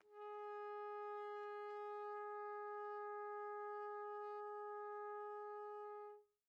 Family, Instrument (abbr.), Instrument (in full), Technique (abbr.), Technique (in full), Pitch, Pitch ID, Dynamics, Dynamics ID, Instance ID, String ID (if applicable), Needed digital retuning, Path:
Brass, TpC, Trumpet in C, ord, ordinario, G#4, 68, pp, 0, 0, , FALSE, Brass/Trumpet_C/ordinario/TpC-ord-G#4-pp-N-N.wav